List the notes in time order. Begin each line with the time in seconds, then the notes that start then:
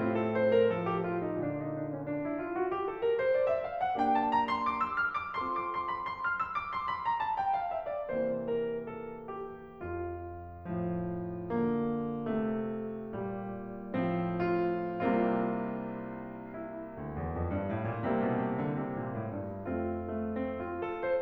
0.00 A2 A3 C4 F4
0.22 A4
0.35 C5
0.55 A#4
0.72 F3 A4
0.88 G4
1.07 F4
1.25 D#4
1.43 A#2 D3 D4
1.60 D#4
1.74 D4
1.92 C#4
2.07 D4
2.22 E4
2.41 F4
2.55 F#4
2.72 G4
2.86 A4
3.00 A#4
3.15 C5
3.32 D5
3.48 E5
3.66 F5
3.78 F#5
3.97 A#3 D4 G4 G5
4.16 A5
4.31 A#5
4.45 C6
4.75 D6
4.90 E6
5.12 F6
5.32 D6
5.43 C4 F4 A4 C6
5.55 D6
5.69 C6
5.92 B5
6.12 C6
6.28 F6
6.44 E6
6.57 D6
6.71 C6
6.87 B5
7.02 A#5
7.16 A5
7.35 G5
7.57 F5
7.71 E5
7.84 D5
8.08 C3 E3 A#3 C5
8.58 A#4
8.90 A4
9.35 G4
9.81 F2 F4
10.91 A2 F3
11.56 D3 A#3
12.29 C3 A3
13.21 F2 A#2 G3
13.91 A2 F3 C4
14.37 F4
15.08 C2 C3 G3 A#3 C4 F4
16.50 E4
16.96 D2
17.14 E2
17.28 F2
17.51 G2
17.74 A2
17.87 A#2
18.04 C3 G3 A#3 C4 E4
18.20 B2
18.52 C3
18.69 D3
18.82 C3
18.96 A#2
19.16 A2
19.46 G2
19.70 F2 A3 C4 F4
20.18 A3
20.38 C4
20.62 F4
20.82 A4
21.04 C5